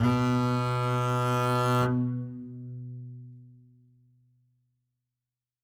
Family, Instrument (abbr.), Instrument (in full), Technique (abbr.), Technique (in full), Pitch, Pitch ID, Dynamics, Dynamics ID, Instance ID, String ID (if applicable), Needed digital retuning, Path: Strings, Cb, Contrabass, ord, ordinario, B2, 47, ff, 4, 0, 1, FALSE, Strings/Contrabass/ordinario/Cb-ord-B2-ff-1c-N.wav